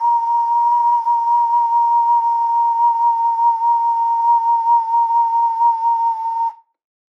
<region> pitch_keycenter=82 lokey=82 hikey=83 tune=-9 volume=-0.147342 trigger=attack ampeg_attack=0.004000 ampeg_release=0.200000 sample=Aerophones/Edge-blown Aerophones/Ocarina, Typical/Sustains/SusVib/StdOcarina_SusVib_A#4.wav